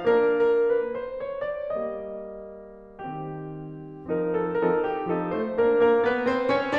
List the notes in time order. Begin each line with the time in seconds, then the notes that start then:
0.00 A#3 D4 A#4
0.28 A#4
0.67 B4
0.96 C5
1.23 C#5
1.45 D5
1.73 G3 A#3 D#5
3.03 D#3 C4 G4
4.31 F3 C4 D#4 A#4
4.48 A4
4.69 F3 C4 D#4 A4 A#4
4.90 G4
5.10 F3 C4 D#4 A4
5.34 A3 C5
5.58 A#2 A#3 D4 A#4
5.80 A#3 A#4
6.03 B3 B4
6.27 C4 C5
6.52 C#4 C#5